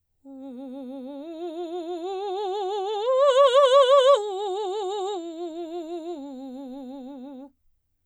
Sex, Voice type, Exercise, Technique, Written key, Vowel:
female, soprano, arpeggios, vibrato, , u